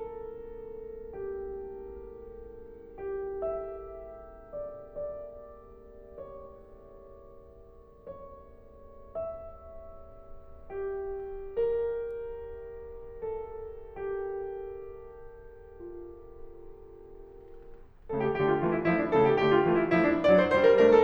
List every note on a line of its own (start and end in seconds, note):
0.00 2.36 A4
3.30 3.42 G4
3.44 4.61 E5
4.46 4.61 D5
4.62 7.47 D5
5.80 8.84 C#5
9.43 10.39 E5
10.90 12.12 G4
11.56 13.92 A#4
13.22 14.41 A4
13.93 17.12 G4
16.10 17.12 F4
18.11 18.40 C#3
18.11 18.40 A3
18.11 18.25 A4
18.25 18.40 G4
18.40 18.66 D3
18.40 18.66 A3
18.40 18.53 G4
18.54 18.66 F4
18.66 18.97 E3
18.66 18.97 A3
18.66 18.80 F4
18.80 18.97 E4
18.97 19.21 F3
18.97 19.21 A3
18.97 19.10 E4
19.11 19.21 D4
19.21 19.44 C#3
19.21 19.44 A3
19.21 19.32 A4
19.32 19.44 G4
19.44 19.73 D3
19.44 19.73 A3
19.44 19.56 G4
19.57 19.73 F4
19.73 19.98 E3
19.73 19.98 A3
19.73 19.86 F4
19.86 19.98 E4
19.98 20.21 F3
19.98 20.21 A3
19.98 20.11 E4
20.11 20.21 D4
20.22 20.49 F#3
20.22 20.49 D4
20.22 20.36 D5
20.36 20.49 C5
20.49 20.76 G3
20.49 20.76 D4
20.49 20.63 C5
20.63 20.76 A#4
20.77 21.04 A3
20.77 21.04 D4
20.77 20.90 A#4
20.90 21.04 A4